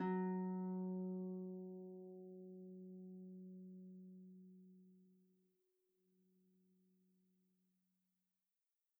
<region> pitch_keycenter=54 lokey=54 hikey=55 volume=17.777567 xfout_lovel=70 xfout_hivel=100 ampeg_attack=0.004000 ampeg_release=30.000000 sample=Chordophones/Composite Chordophones/Folk Harp/Harp_Normal_F#2_v2_RR1.wav